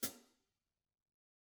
<region> pitch_keycenter=44 lokey=44 hikey=44 volume=11.235394 offset=985 seq_position=2 seq_length=2 ampeg_attack=0.004000 ampeg_release=30.000000 sample=Idiophones/Struck Idiophones/Hi-Hat Cymbal/HiHat_Close_rr2_Mid.wav